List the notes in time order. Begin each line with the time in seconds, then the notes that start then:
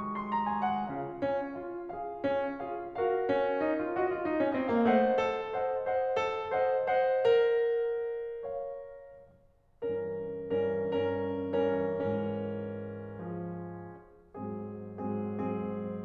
0.00 C6
0.36 A#5
0.49 G#5
0.64 F#5
0.89 C#3 F4 F5
1.25 C#4
1.68 F4 G#4 F5
1.97 F4 G#4 F5
2.26 C#4
2.67 F4 G#4 F5
2.98 F#4 A#4 F5
3.29 C#4
3.67 D#4
3.81 F4
3.95 F#4 D#5
4.09 F4
4.30 D#4
4.44 C#4
4.57 C4 C5 D#5
4.75 A#3 C#5 F5
4.92 A3 C5 D#5 F#5
5.28 A4
5.63 C5 D#5 F#5
5.92 C5 D#5 F#5
6.21 A4
6.52 C5 D#5 F#5
6.86 C5 D#5 F#5
7.27 A#4
8.42 C#5 F5
9.87 G2 E3 C#4 A#4
10.70 G2 E3 C#4 A#4
11.16 G2 E3 C#4 A#4
11.75 G2 E3 C#4 A#4
12.06 G#2 E3 C#4 A#4
13.24 F3 G#4
14.35 G#2 F#3 C4 G#4
15.03 G#2 F#3 C4 G#4
15.36 G#2 F#3 C4 G#4